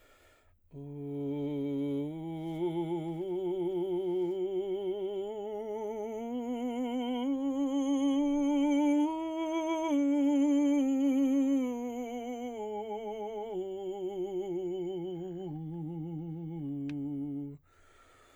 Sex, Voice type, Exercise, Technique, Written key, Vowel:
male, baritone, scales, slow/legato forte, C major, u